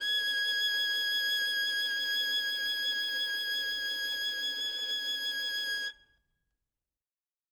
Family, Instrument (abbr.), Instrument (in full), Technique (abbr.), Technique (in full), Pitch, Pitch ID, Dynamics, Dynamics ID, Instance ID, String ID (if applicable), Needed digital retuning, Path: Strings, Vn, Violin, ord, ordinario, G#6, 92, ff, 4, 1, 2, TRUE, Strings/Violin/ordinario/Vn-ord-G#6-ff-2c-T14d.wav